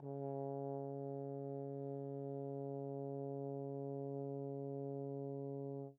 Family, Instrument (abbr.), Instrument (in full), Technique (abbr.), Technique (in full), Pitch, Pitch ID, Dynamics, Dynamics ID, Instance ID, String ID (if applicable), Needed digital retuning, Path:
Brass, Tbn, Trombone, ord, ordinario, C#3, 49, pp, 0, 0, , FALSE, Brass/Trombone/ordinario/Tbn-ord-C#3-pp-N-N.wav